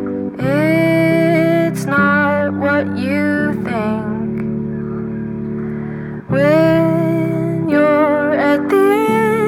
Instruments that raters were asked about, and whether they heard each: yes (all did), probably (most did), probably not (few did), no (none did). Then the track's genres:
bass: probably
Folk